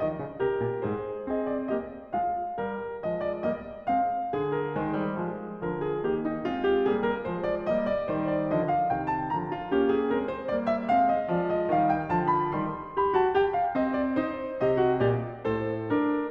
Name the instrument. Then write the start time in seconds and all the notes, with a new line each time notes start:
piano
0.00 D#3 D#5
0.20 C#3
0.37 C3 G4 A#4
0.60 A#2
0.82 G#2 G#4 C5
1.27 C4 G#4 D#5
1.46 D5
1.67 A#3 G4 D#5
2.12 G#3 F4 F5
2.55 G3 A#4
3.01 F3 G#3 D#5
3.23 D5
3.44 G3 A#3 D#5
3.84 G#3 C4 F5
4.31 D3 G#4
4.50 A#4
4.76 D#3 G#3 C5
4.97 G3
5.19 F3 G#3
5.60 D3 F3 A#4
5.78 G#4
6.00 D#3 A#3 G4
6.25 D#4
6.46 G#3 C4 F4
6.64 G4
6.85 G3 A#3 G#4
7.11 A#4
7.28 F3 G#3 C5
7.49 D5
7.70 G3 A#3 D#5
7.91 D5
8.10 D#3 G3 C5
8.31 D5
8.50 D3 F3 D#5
8.73 F5
8.94 C3 D#3 G5
9.10 A5
9.30 D3 F3 A#5
9.52 F4
9.71 A#3 C#4 G4
9.94 G#4
10.14 G#3 C4 A#4
10.38 C5
10.55 G3 A#3 D5
10.68 E5
10.89 G#3 C4 F5
11.10 D#5
11.28 F3 G#3 D5
11.51 D#5
11.73 D#3 G3 F5
11.97 G5
12.13 D3 F3 A5
12.29 B5
12.52 D#3 G3 C6
12.96 G4 B5
13.18 F#4 A5
13.34 G4 G5
13.55 F5
13.75 C4 D#5
13.99 D5
14.20 D#4 C5
14.63 C3 G4 D#5
14.81 F#4
15.02 A#2 G4 D5
15.46 A2 A4 C5
15.92 D4 A#4